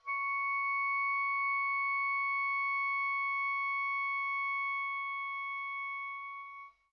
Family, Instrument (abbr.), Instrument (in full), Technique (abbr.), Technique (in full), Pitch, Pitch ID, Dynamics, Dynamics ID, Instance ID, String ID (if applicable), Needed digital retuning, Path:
Winds, Ob, Oboe, ord, ordinario, C#6, 85, pp, 0, 0, , TRUE, Winds/Oboe/ordinario/Ob-ord-C#6-pp-N-T10u.wav